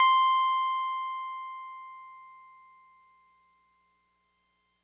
<region> pitch_keycenter=84 lokey=83 hikey=86 volume=7.589001 lovel=100 hivel=127 ampeg_attack=0.004000 ampeg_release=0.100000 sample=Electrophones/TX81Z/Piano 1/Piano 1_C5_vl3.wav